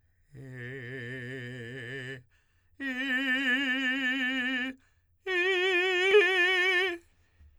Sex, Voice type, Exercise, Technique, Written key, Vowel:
male, tenor, long tones, full voice pianissimo, , e